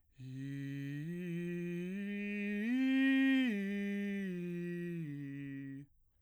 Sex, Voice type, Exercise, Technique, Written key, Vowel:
male, bass, arpeggios, breathy, , i